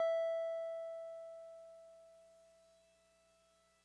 <region> pitch_keycenter=76 lokey=75 hikey=78 volume=21.205438 lovel=0 hivel=65 ampeg_attack=0.004000 ampeg_release=0.100000 sample=Electrophones/TX81Z/Piano 1/Piano 1_E4_vl1.wav